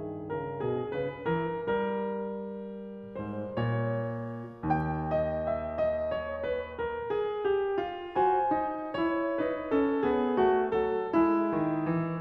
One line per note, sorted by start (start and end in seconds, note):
0.00 0.36 D#3
0.05 0.37 G#4
0.33 0.65 C#3
0.37 0.71 A#4
0.65 0.99 B2
0.71 1.00 G#4
0.96 1.27 C#3
0.96 1.30 B4
1.24 1.68 E3
1.30 1.70 A#4
1.67 4.50 G3
1.79 5.12 A#4
3.18 3.58 G#2
3.18 3.66 C5
3.58 4.64 A#2
3.66 5.12 C#5
4.64 6.08 D#2
4.69 8.15 F#5
5.12 5.47 D#5
5.47 5.89 E5
5.89 6.14 D#5
6.14 6.48 C#5
6.48 6.80 B4
6.80 7.13 A#4
7.13 7.48 G#4
7.48 7.78 G4
7.78 8.15 F4
8.15 8.51 F#4
8.15 8.94 C5
8.15 8.93 G#5
8.51 8.94 D#4
8.93 9.46 E4
8.93 12.20 C#5
9.40 9.72 D#4
9.46 9.79 B4
9.72 10.01 C#4
9.79 10.05 A4
10.01 10.43 B3
10.05 10.47 G#4
10.43 10.83 A3
10.47 10.88 F#4
10.83 11.11 F#3
10.88 11.19 A4
11.11 11.53 G#3
11.19 12.20 E4
11.53 11.87 D#3
11.87 12.17 E3
12.17 12.20 C#3